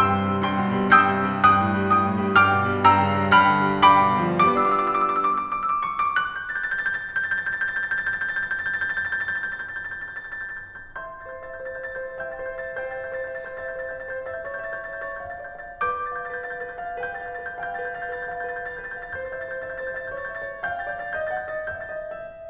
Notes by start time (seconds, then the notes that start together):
0.00 G2 G5 C6 E6
0.12 C3
0.27 G3
0.39 G2 G5
0.53 B2
0.67 G3
0.85 G2 G5 E6 G6
1.07 C3
1.22 G3
1.58 G2 G5 D#6 F#6
1.71 A2
1.81 G3
1.95 G2 G5
2.10 A2
2.25 G3
2.44 G2 G5 D6 F6
2.57 B2
2.73 G3
2.86 G2 G5 A#5 E6
3.05 C#3
3.19 G3
3.34 G2 G5 B5 F6
3.47 D3
3.66 G3
3.84 G2 G5 B5 D6
3.99 B2
4.11 D3
4.23 F3
4.34 G3 D6
4.50 B3 E6
4.69 D4 D6
4.88 F4 E6
4.99 D6
5.09 E6
5.18 D6
5.27 E6
5.38 D6
5.48 E6
5.58 C#6
5.69 D6
5.80 F#6
5.96 G6
6.08 A6
6.19 G6
6.29 A6
6.39 G6
6.49 A6
6.55 G6
6.64 A6
6.72 G6
6.83 A6
6.92 G6
7.06 A6
7.15 G6
7.27 A6
7.35 G6
7.42 A6
7.51 G6
7.63 A6
7.74 G6
7.86 A6
7.96 G6
8.06 A6
8.17 G6
8.27 A6
8.35 G6
8.46 A6
8.58 G6
8.70 A6
8.86 G6
8.99 A6
9.10 G6
9.20 A6
9.33 G6
9.44 A6
9.52 G6
9.65 A6
9.75 G6
9.86 A6
9.95 G6
10.07 A6
10.15 G6
10.26 A6
10.39 G6
10.50 A6
10.58 G6
10.70 A6
10.82 G6
11.01 E5 C6 A6
11.17 G6
11.22 C5
11.30 A6
11.35 E5
11.41 G6
11.59 C5 A6
11.75 E5 G6
11.88 A6
11.98 C5 G6
12.27 E5 G5 A6
12.36 G6
12.43 C5
12.50 A6
12.57 E5
12.64 G6
12.79 C5 G5 A6
12.90 E5 G6
12.98 A6
13.05 C5 G6
13.19 E5 A6
13.33 C5 G6
13.46 A6
13.51 E5 G6
13.68 C5 A6
13.85 E5 G6
14.00 A6
14.05 C5 G6
14.22 E5 A6
14.40 G6
14.47 C#5
14.54 A6
14.59 E5 G6
14.78 C#5 A6
14.90 G6
14.94 E5
15.02 A6
15.08 C#5
15.13 G6
15.34 E5 A6
15.44 G6
15.49 C#5
15.58 A6
15.65 E5 G6
15.86 B4 D6 A6
16.07 G6
16.14 F5
16.22 A6
16.28 B4 G6
16.45 F5 A6
16.56 G6
16.68 B4
16.76 A6
16.82 F5 G6
17.02 B4 G5 A6
17.14 G6
17.31 F5
17.38 A6
17.46 B4
17.51 G6
17.62 F5 G5 A6
17.75 G6
17.80 B4
17.87 A6
17.91 F5 G6
18.08 B4 A6
18.19 G6
18.25 F5
18.34 A6
18.43 B4 G6
18.59 F5 A6
18.74 G6
18.84 B4
18.91 A6
18.98 F5 G6
19.23 C5 A6
19.34 E5 G6
19.45 A6
19.50 C5 G6
19.63 E5 A6
19.71 G6
19.76 C5
19.83 A6
19.90 E5 G6
20.09 C#5 A6
20.21 E5 G6
20.34 A6
20.40 C#5
20.48 G6
20.64 F5 G5 A6
20.76 D5 G6
20.89 A6
20.98 F5
21.03 G6
21.14 D#5 A6
21.29 F#5 G6
21.43 A6
21.51 D#5
21.57 G6
21.71 E5 A6
21.86 G6
21.92 D#5
22.02 A6
22.35 E5
22.40 G6